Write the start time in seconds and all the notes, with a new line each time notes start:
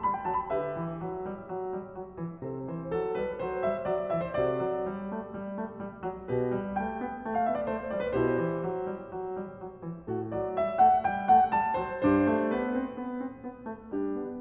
0.00 G3 B5
0.12 G5
0.26 F#3 A5
0.38 B5
0.52 D3 G4 B4 E5
0.77 E3
1.03 F#3
1.23 G3
1.42 F#3
1.67 G3
1.92 F#3
2.14 E3
2.43 C3 A4 C5
2.68 E3 C5
2.94 F#3 A4
3.13 G3 B4
3.39 F#3 C5
3.65 G3 E5
3.88 F#3 D5
4.08 E3 E5
4.21 C5
4.35 C3 F#4 A4 D5
4.61 F#3
4.88 G3
5.12 A3
5.32 G3
5.60 A3
5.77 G3
6.05 F#3
6.29 B2 G4 B4
6.52 G3
6.77 A3 G5
6.99 B3
7.23 A3
7.34 F5
7.42 B3 E5
7.55 D5
7.65 A3 C5
7.93 G3 D5
8.07 B4
8.20 B2 E4 G4 C5
8.41 E3
8.63 F#3
8.90 G3
9.11 F#3
9.35 G3
9.54 F#3
9.85 E3
10.08 A2 F#4 A4
10.32 F#3 D5
10.53 G3 E5
10.77 A3 F5
11.04 G3 G5
11.31 A3 F5
11.54 G3 A5
11.80 F#3 C5
12.05 G2 D4 G4 C5
12.13 B4
12.33 A3
12.57 B3
12.79 C4
13.04 B3
13.27 C4
13.44 B3
13.63 A3
13.91 G3 D4 G4
14.16 B3